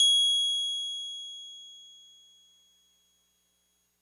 <region> pitch_keycenter=104 lokey=103 hikey=106 volume=7.771002 lovel=100 hivel=127 ampeg_attack=0.004000 ampeg_release=0.100000 sample=Electrophones/TX81Z/Piano 1/Piano 1_G#6_vl3.wav